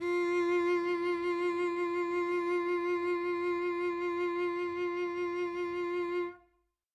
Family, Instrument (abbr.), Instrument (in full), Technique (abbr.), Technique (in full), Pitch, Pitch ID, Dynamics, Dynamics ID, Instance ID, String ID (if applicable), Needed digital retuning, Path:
Strings, Vc, Cello, ord, ordinario, F4, 65, mf, 2, 2, 3, TRUE, Strings/Violoncello/ordinario/Vc-ord-F4-mf-3c-T11u.wav